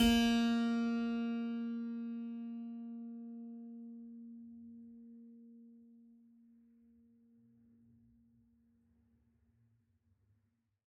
<region> pitch_keycenter=58 lokey=58 hikey=59 volume=2.749652 seq_position=2 seq_length=2 trigger=attack ampeg_attack=0.004000 ampeg_release=0.400000 amp_veltrack=0 sample=Chordophones/Zithers/Harpsichord, French/Sustains/Harpsi2_Normal_A#2_rr3_Main.wav